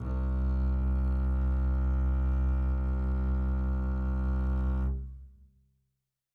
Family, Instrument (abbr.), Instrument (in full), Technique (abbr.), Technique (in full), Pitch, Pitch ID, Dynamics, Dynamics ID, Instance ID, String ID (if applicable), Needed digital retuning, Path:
Strings, Cb, Contrabass, ord, ordinario, C2, 36, mf, 2, 3, 4, FALSE, Strings/Contrabass/ordinario/Cb-ord-C2-mf-4c-N.wav